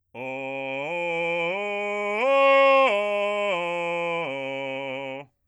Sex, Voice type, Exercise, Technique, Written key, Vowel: male, bass, arpeggios, belt, , o